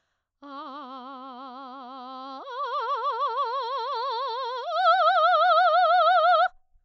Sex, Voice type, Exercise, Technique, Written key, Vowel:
female, soprano, long tones, trill (upper semitone), , a